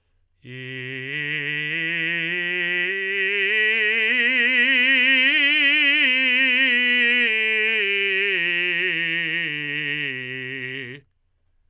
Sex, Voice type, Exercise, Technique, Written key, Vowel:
male, tenor, scales, slow/legato forte, C major, i